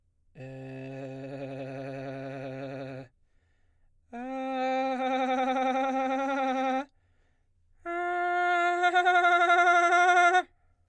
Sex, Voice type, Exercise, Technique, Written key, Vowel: male, baritone, long tones, trillo (goat tone), , e